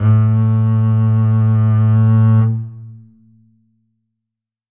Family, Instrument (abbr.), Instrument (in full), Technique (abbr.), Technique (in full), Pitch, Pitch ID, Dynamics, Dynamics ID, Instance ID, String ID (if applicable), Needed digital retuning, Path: Strings, Cb, Contrabass, ord, ordinario, A2, 45, ff, 4, 2, 3, FALSE, Strings/Contrabass/ordinario/Cb-ord-A2-ff-3c-N.wav